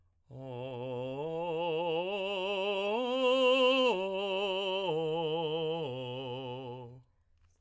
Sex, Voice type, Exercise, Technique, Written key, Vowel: male, tenor, arpeggios, slow/legato piano, C major, o